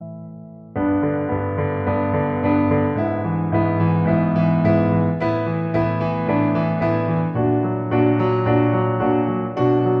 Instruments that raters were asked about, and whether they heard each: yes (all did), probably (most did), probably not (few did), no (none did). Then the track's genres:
piano: yes
Soundtrack